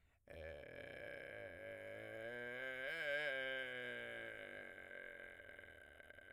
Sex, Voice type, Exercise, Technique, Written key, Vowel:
male, , scales, vocal fry, , e